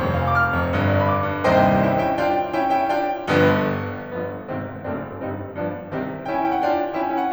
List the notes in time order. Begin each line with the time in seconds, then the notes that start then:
0.00 F1 F2
0.15 F5
0.23 G#5
0.33 D6
0.41 F6
0.57 F1 F2
0.77 G1 G2
0.85 D5
0.94 F5
1.03 B5
1.13 D6
1.30 G1 G2
1.45 C2 D#2 G2 C3 C5 D#5 G5 C6
1.86 C#4 E4 G5
2.03 C#4 E4 G5
2.21 D4 F4 G5
2.55 C#4 E4 G5
2.73 C#4 E4 G5
2.93 D4 F4 G5
3.30 G1 G2 D3 F3 B3
4.03 G1 G2 D3 F3 B3
4.50 G#1 G#2 C3 D#3 C4
4.88 F#1 F#2 A3 C4 D4
5.22 G1 G2 G3 C4 D#4
5.55 G1 G2 F3 B3 D4
5.94 C2 C3 D#3 G3 C4
6.27 C#4 E4 G5
6.35 G#5
6.43 C#4 E4 G5
6.52 F#5
6.61 D4 F4 G5
6.99 C#4 E4 G5
7.09 G#5
7.16 C#4 E4 G5
7.26 F#5